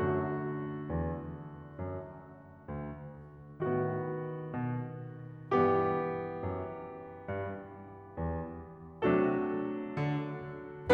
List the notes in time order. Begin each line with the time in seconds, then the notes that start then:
0.01 F#2 D3 A3 F#4
0.97 E2
1.75 F#2
2.61 D2
3.63 A2 D#3 B3 F#4
4.49 B2
5.63 G2 E3 B3 G4
6.43 F#2
7.26 G2
8.18 E2
9.07 C3 F#3 A3 D4 F#4 A4
10.04 D3